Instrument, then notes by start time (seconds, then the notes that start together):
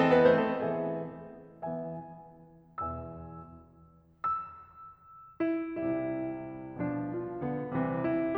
piano
0.00 E3 C4 A4 D#5
0.14 B3 B4
0.29 A3 C5
0.46 C4 A4
0.71 E3 B3 G#4 E5
1.82 E3 B3 E5 G#5
2.96 E2 B2 E3 E5 G#5 E6
4.32 E6
5.43 E4
5.69 C2 C3 G3 E4
6.77 B2 F3 D4
7.13 F4
7.41 D3 B3
7.72 C2 C3 E3 C4
8.07 E4